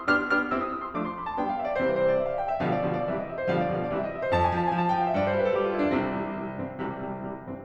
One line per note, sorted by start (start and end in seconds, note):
0.00 0.24 B3
0.00 0.24 D4
0.00 0.24 G4
0.00 0.24 F6
0.24 0.44 B3
0.24 0.44 D4
0.24 0.44 G4
0.24 0.44 F6
0.45 0.67 C4
0.45 0.67 E4
0.45 0.67 G4
0.45 0.56 E6
0.57 0.67 D#6
0.67 0.80 E6
0.80 0.93 C6
0.93 1.17 F3
0.93 1.17 A3
0.93 1.17 D4
0.93 1.06 D6
1.08 1.17 C6
1.17 1.29 B5
1.29 1.39 A5
1.39 1.59 G3
1.39 1.59 B3
1.39 1.59 D4
1.39 1.49 G5
1.49 1.59 F5
1.60 1.68 E5
1.68 1.78 D5
1.78 2.17 C3
1.78 2.17 E3
1.78 2.17 G3
1.78 2.17 C4
1.78 1.87 C5
1.87 1.96 B4
1.99 2.07 C5
2.09 2.17 D5
2.17 2.25 E5
2.25 2.44 F5
2.44 2.53 G5
2.54 2.62 E5
2.62 2.89 B2
2.62 2.89 D3
2.62 2.89 F3
2.62 2.89 G3
2.62 2.73 F5
2.73 2.89 D5
2.89 3.07 B2
2.89 3.07 D3
2.89 3.07 F3
2.89 3.07 G3
2.89 2.97 F5
2.98 3.07 D5
3.08 3.27 C3
3.08 3.27 E3
3.08 3.27 G3
3.08 3.16 E5
3.16 3.27 D#5
3.27 3.38 E5
3.38 3.46 C5
3.47 3.68 B2
3.47 3.68 D3
3.47 3.68 F3
3.47 3.68 G3
3.47 3.58 F5
3.59 3.68 D5
3.68 3.90 B2
3.68 3.90 D3
3.68 3.90 F3
3.68 3.90 G3
3.68 3.77 F5
3.77 3.90 D5
3.90 4.13 C3
3.90 4.13 E3
3.90 4.13 G3
3.90 4.04 E5
4.05 4.13 D#5
4.13 4.22 E5
4.22 4.32 C5
4.32 4.56 F2
4.32 4.46 A5
4.47 4.56 G#5
4.58 4.78 F3
4.58 4.69 A5
4.69 4.78 G#5
4.78 4.97 F3
4.78 4.88 A5
4.88 4.97 G5
4.98 5.19 F3
4.98 5.09 F5
5.09 5.19 E5
5.19 5.38 G2
5.19 5.28 D5
5.28 5.38 C5
5.39 5.56 G3
5.39 5.47 B4
5.48 5.56 A4
5.56 5.74 G3
5.56 5.64 G4
5.64 5.74 F4
5.74 5.91 G3
5.74 5.82 E4
5.83 5.91 D4
5.92 6.87 C2
5.92 6.10 C3
5.92 6.10 C4
6.10 6.28 C3
6.10 6.28 E3
6.10 6.28 G3
6.31 6.56 C3
6.31 6.56 E3
6.31 6.56 G3
6.56 6.87 G2
6.56 6.87 E3
6.56 6.87 C4
6.89 7.64 C2
6.89 7.05 C3
6.89 7.05 E3
6.89 7.05 G3
7.05 7.22 C3
7.05 7.22 E3
7.05 7.22 G3
7.22 7.47 C3
7.22 7.47 E3
7.22 7.47 G3
7.47 7.64 G2
7.47 7.64 E3
7.47 7.64 C4